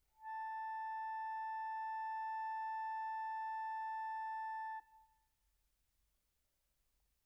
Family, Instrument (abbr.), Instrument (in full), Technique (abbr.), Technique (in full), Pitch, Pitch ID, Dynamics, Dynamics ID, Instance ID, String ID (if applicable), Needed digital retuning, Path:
Keyboards, Acc, Accordion, ord, ordinario, A5, 81, pp, 0, 1, , FALSE, Keyboards/Accordion/ordinario/Acc-ord-A5-pp-alt1-N.wav